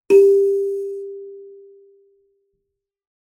<region> pitch_keycenter=67 lokey=67 hikey=68 tune=-16 volume=-4.930473 offset=4686 ampeg_attack=0.004000 ampeg_release=15.000000 sample=Idiophones/Plucked Idiophones/Kalimba, Tanzania/MBira3_pluck_Main_G3_k6_50_100_rr2.wav